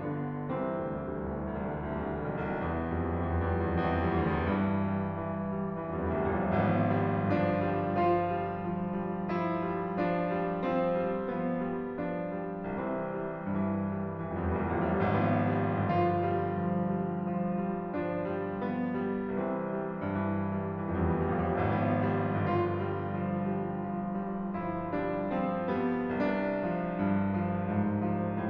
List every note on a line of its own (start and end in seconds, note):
0.01 0.48 D3
0.01 0.48 B3
0.52 0.88 C2
0.52 0.88 E3
0.52 0.88 C4
0.73 1.07 D2
0.89 1.19 C2
0.89 1.19 G3
1.07 1.36 D2
1.19 1.48 C2
1.19 1.48 E3
1.36 1.68 D2
1.49 1.79 C2
1.49 1.79 G3
1.69 1.90 D2
1.81 2.00 C2
1.81 2.00 E3
1.91 2.11 D2
2.00 2.26 C2
2.00 2.26 G3
2.13 2.39 D2
2.27 2.49 C2
2.27 2.49 E3
2.39 2.61 D2
2.50 2.72 C2
2.50 2.72 G3
2.62 2.85 D2
2.73 2.97 C2
2.73 2.97 E3
2.86 3.12 D2
3.00 3.26 C2
3.00 3.26 G3
3.12 3.37 D2
3.26 3.48 C2
3.26 3.48 E3
3.37 3.62 D2
3.49 3.73 B1
3.49 3.73 G3
3.63 3.81 C2
3.74 6.11 E2
3.74 3.98 E3
3.99 4.57 G3
4.58 4.87 E3
4.94 5.22 G3
5.23 5.78 E3
5.79 6.37 G3
6.11 6.37 C2
6.37 12.38 G1
6.37 6.90 F3
6.37 7.32 B3
6.91 7.32 G3
7.33 7.54 F3
7.33 7.89 D4
7.55 7.89 G3
7.90 8.30 F3
7.90 9.33 F4
8.32 8.64 G3
8.68 8.99 F3
9.02 9.33 G3
9.33 9.67 F3
9.33 9.98 E4
9.68 9.98 G3
9.99 10.39 F3
9.99 10.65 D4
10.40 10.65 G3
10.66 11.06 F3
10.66 11.37 C4
11.07 11.37 G3
11.38 11.60 F3
11.38 11.94 B3
11.63 11.94 G3
11.94 12.16 F3
11.94 12.38 D4
12.16 12.38 G3
12.38 12.59 C2
12.38 12.59 E3
12.38 12.59 C4
12.49 12.68 D2
12.60 12.79 C2
12.60 12.79 G3
12.70 12.90 D2
12.80 13.01 C2
12.80 13.01 E3
12.93 13.10 D2
13.02 13.19 C2
13.02 13.19 G3
13.10 13.25 D2
13.19 13.36 C2
13.19 13.36 E3
13.26 13.46 D2
13.37 13.57 B1
13.37 13.57 G3
13.47 13.66 C2
13.57 13.78 E2
13.57 13.78 E3
13.66 13.88 F2
13.78 14.00 E2
13.78 14.00 G3
13.89 14.10 F2
14.01 14.20 E2
14.01 14.20 E3
14.11 14.31 F2
14.22 14.39 E2
14.22 14.39 G3
14.32 14.47 F2
14.40 14.56 E2
14.40 14.56 E3
14.48 14.67 F2
14.58 14.80 D2
14.58 14.80 G3
14.68 14.91 E2
14.81 15.81 G2
14.81 15.02 E3
15.03 15.26 G3
15.26 15.48 E3
15.48 15.69 G3
15.70 15.93 E3
15.83 15.93 F2
15.89 15.99 E2
15.95 16.05 D2
15.95 16.17 G3
16.00 16.11 C2
16.06 16.17 B1
16.12 16.20 A1
16.18 16.61 G#1
16.18 16.36 F3
16.18 16.61 B3
16.38 16.61 G3
16.62 17.33 G1
16.62 16.82 F3
16.62 16.97 D4
16.83 16.97 G3
16.98 17.19 F3
16.98 17.70 F4
17.19 17.33 G3
17.34 19.60 G1
17.34 17.56 F3
17.57 17.70 G3
17.71 17.90 F3
17.71 18.06 E4
17.91 18.06 G3
18.07 18.20 F3
18.07 18.38 D4
18.21 18.38 G3
18.40 18.55 F3
18.40 18.66 C4
18.55 18.66 G3
18.67 18.90 F3
18.67 19.14 B3
18.92 19.14 G3
19.15 19.37 F3
19.15 19.60 D4
19.38 19.60 G3
19.62 20.13 C2
19.62 19.86 E3
19.62 19.86 C4
19.87 20.13 G3
20.14 20.87 G2
20.14 20.45 E3
20.45 20.68 G3
20.69 21.00 E3
20.88 21.00 F2
20.94 21.07 E2
21.01 21.12 D2
21.01 21.28 G3
21.08 21.18 C2
21.14 21.28 B1
21.21 21.34 A1
21.29 21.79 G#1
21.29 21.52 F3
21.29 21.79 B3
21.54 21.79 G3
21.80 24.18 G1
21.80 22.01 F3
21.80 23.16 F4
22.02 22.19 G3
22.20 22.40 F3
22.40 22.63 G3
22.65 22.89 F3
22.90 23.16 G3
23.17 23.40 F3
23.17 23.66 D4
23.41 23.66 G3
23.67 23.92 F3
23.67 24.18 B3
23.93 24.18 G3
24.19 24.62 C2
24.19 24.40 E3
24.19 24.40 C4
24.40 24.62 G3
24.63 25.28 G2
24.63 24.89 E3
24.90 25.16 G3
25.18 25.40 E3
25.29 25.40 F2
25.35 25.47 E2
25.41 25.54 D2
25.41 25.68 G3
25.48 25.61 C2
25.55 25.68 B1
25.62 25.75 A1
25.69 26.21 G#1
25.69 25.93 F3
25.69 26.21 B3
25.94 26.21 G3
26.22 28.50 G1
26.22 26.45 F3
26.22 27.54 F4
26.45 26.69 G3
26.69 26.89 F3
26.91 27.10 G3
27.12 27.31 F3
27.32 27.54 G3
27.56 27.75 F3
27.56 27.75 E4
27.77 28.00 G3
27.77 28.00 D4
28.01 28.28 F3
28.01 28.28 C4
28.28 28.50 G3
28.28 28.50 B3